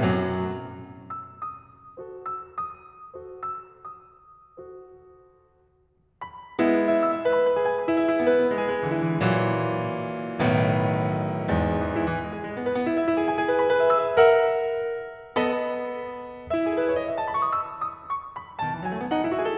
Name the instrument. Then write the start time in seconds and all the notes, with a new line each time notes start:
piano
0.00 F#2 F#3
1.10 E6
1.30 D#6
2.02 F#4 A4 C5
2.29 E6
2.52 D#6
3.15 F#4 A4 C5
3.44 E6
3.66 D#6
4.64 F#4 A4 C5
6.25 B5
6.61 G#3 B3 E4
6.80 E5
6.93 E6
7.01 E5
7.21 B4
7.33 B5
7.44 B4
7.58 G#4
7.71 G#5
7.80 G#4
7.87 E4
7.94 E5
8.00 E4
8.15 B3
8.22 B4
8.34 B3
8.49 G#3
8.60 G#4
8.71 G#3
8.78 E3
8.85 E4
8.94 E3
9.01 A#2 E3 F#3
10.40 B1 A2 D#3 B3
11.54 E2 G#2
12.06 E3
12.17 E4
12.24 E3
12.31 G#3
12.39 G#4
12.47 G#3
12.54 B3
12.64 B4
12.71 B3
12.82 E4
12.90 E5
13.10 E4
13.21 G#4
13.27 G#5
13.34 G#4
13.48 B4
13.63 B5
13.70 B4
13.82 E5
13.91 E6
14.00 E5
14.19 A#4 E5 F#5
15.42 B3 A4 D#5 B5
16.56 E4 E5
16.64 G#4
16.78 A4
16.85 B4
16.92 C#5
16.99 D#5
17.06 E5
17.11 G#5
17.21 A5
17.28 B5
17.35 C#6
17.39 D#6
17.50 E6
17.82 D#6
18.11 C#6
18.40 B5
18.61 B2 A5
18.70 D#3
18.76 E3
18.84 F#3 G#5
18.91 G#3
18.98 A3
19.04 B3 F#5
19.12 D#4
19.24 E4
19.34 F#4 E5
19.40 G#4
19.49 A4